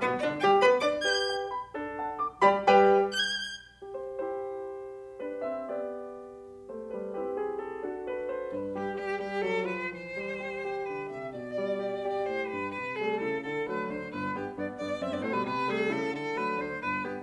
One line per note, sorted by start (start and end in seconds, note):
0.01 0.21 B2
0.01 0.21 B3
0.01 0.15 B4
0.21 0.41 D3
0.21 0.41 D4
0.21 0.36 D5
0.41 0.60 G3
0.41 0.60 G4
0.41 0.56 G5
0.60 0.79 B3
0.60 0.79 B4
0.60 0.75 B5
0.80 0.99 D4
0.80 0.99 D5
0.80 0.94 D6
0.99 1.50 G4
0.99 1.50 B4
0.99 1.50 G6
1.29 1.50 G5
1.50 1.74 B5
1.75 2.22 D4
1.75 2.22 A4
1.97 2.22 F#5
1.97 2.22 A5
2.23 2.43 D6
2.43 2.67 G3
2.43 2.67 G4
2.43 2.67 D5
2.43 2.67 B5
2.67 2.94 G3
2.67 2.94 G4
2.67 2.94 B4
2.67 2.94 G5
3.15 3.21 F#6
3.21 3.86 G6
3.67 3.77 G4
3.77 3.86 C5
3.88 5.19 E4
3.88 5.66 G4
3.88 5.19 C5
5.20 5.42 D4
5.20 5.42 B4
5.43 5.66 C4
5.43 5.66 E5
5.66 6.69 B3
5.66 7.13 G4
5.66 6.69 D5
6.69 6.91 A3
6.69 6.91 C5
6.91 7.13 G3
6.91 7.13 B4
7.13 7.85 C4
7.13 7.85 E4
7.13 7.85 G4
7.13 7.34 B4
7.35 7.63 G#4
7.64 7.85 A4
7.85 8.53 D4
7.85 8.53 F#4
7.85 8.07 A4
8.07 8.30 B4
8.31 8.53 C5
8.54 8.75 G2
8.54 8.75 B4
8.75 8.95 G3
8.75 8.90 G4
8.75 8.95 G4
8.95 9.22 G3
8.95 9.14 G4
9.22 9.41 G3
9.22 9.43 G4
9.43 9.65 F#3
9.43 9.65 A4
9.65 9.91 F3
9.65 9.91 B4
9.91 10.82 E3
9.91 10.82 C5
10.17 10.40 G3
10.41 10.60 G4
10.61 11.25 G4
10.82 11.04 D3
10.82 11.04 B4
11.04 11.25 C3
11.04 11.25 E5
11.25 12.24 B2
11.25 12.24 D5
11.52 11.76 G3
11.76 11.98 G4
11.98 12.72 G4
12.24 12.46 A2
12.24 12.47 C5
12.47 12.72 G2
12.47 12.72 B4
12.74 13.18 C3
12.74 12.94 B4
12.94 13.18 G3
12.94 13.18 A3
12.94 13.18 G#4
13.18 13.40 C#3
13.18 13.40 E4
13.18 13.40 A4
13.40 13.93 D3
13.40 13.68 A4
13.68 13.93 F#3
13.68 13.93 A3
13.68 13.93 B4
13.93 14.14 D2
13.93 14.14 D4
13.93 14.14 C5
14.14 14.58 G1
14.14 14.36 B4
14.36 14.58 G2
14.36 14.58 B3
14.36 14.52 G4
14.59 14.79 G2
14.59 14.79 B3
14.59 14.74 D5
14.80 15.02 G2
14.80 15.02 B3
14.80 15.02 D5
15.02 15.13 F#2
15.02 15.13 C4
15.02 15.14 E5
15.14 15.23 G2
15.14 15.23 B3
15.14 15.23 D5
15.23 15.34 A2
15.23 15.34 A3
15.23 15.34 C5
15.34 15.44 B2
15.34 15.44 G3
15.34 15.44 B4
15.45 15.93 C3
15.45 15.71 B4
15.71 15.93 G3
15.71 15.93 A3
15.71 15.93 G#4
15.93 16.13 C#3
15.93 16.13 E4
15.93 16.13 A4
16.13 16.55 D3
16.13 16.36 A4
16.36 16.55 F#3
16.36 16.55 A3
16.36 16.57 B4
16.57 16.82 D2
16.57 16.82 D4
16.57 16.82 C5
16.82 17.23 G1
16.82 17.03 B4
17.03 17.23 G2
17.03 17.23 B3
17.03 17.18 G4